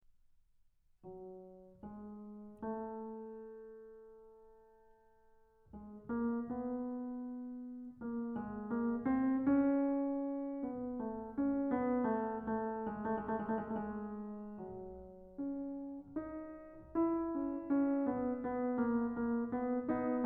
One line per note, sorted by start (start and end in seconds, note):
1.04 1.83 F#3
1.83 2.45 G#3
2.45 5.78 A3
5.78 6.07 G#3
6.07 6.49 A#3
6.49 8.04 B3
8.04 8.38 A#3
8.38 8.70 G#3
8.70 9.00 A#3
9.00 9.29 C4
9.29 10.69 C#4
10.69 11.03 B3
11.03 11.37 A3
11.37 11.71 C#4
11.71 12.07 B3
12.07 12.36 A3
12.40 12.91 A3
12.91 13.28 G#3
13.28 13.37 A3
13.37 13.43 G#3
13.43 13.62 A3
13.62 13.80 G#3
13.80 13.95 A3
13.95 14.66 G#3
14.66 16.94 F#3
15.43 16.18 C#4
16.18 16.94 D#4
16.94 19.91 E4
17.36 17.70 C#4
17.70 18.15 C#4
18.15 18.45 B3
18.45 18.78 B3
18.78 19.09 A#3
19.09 19.49 A#3
19.49 19.92 B3
19.91 20.26 B3
19.91 20.26 D#4